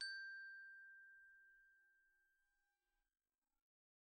<region> pitch_keycenter=79 lokey=76 hikey=81 volume=25.302064 xfout_lovel=0 xfout_hivel=83 ampeg_attack=0.004000 ampeg_release=15.000000 sample=Idiophones/Struck Idiophones/Glockenspiel/glock_soft_G5_01.wav